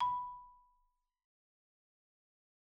<region> pitch_keycenter=83 lokey=82 hikey=86 volume=10.981782 offset=13 xfin_lovel=84 xfin_hivel=127 ampeg_attack=0.004000 ampeg_release=15.000000 sample=Idiophones/Struck Idiophones/Marimba/Marimba_hit_Outrigger_B4_loud_01.wav